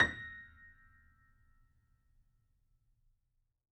<region> pitch_keycenter=94 lokey=94 hikey=95 volume=4.172813 lovel=100 hivel=127 locc64=0 hicc64=64 ampeg_attack=0.004000 ampeg_release=0.400000 sample=Chordophones/Zithers/Grand Piano, Steinway B/NoSus/Piano_NoSus_Close_A#6_vl4_rr1.wav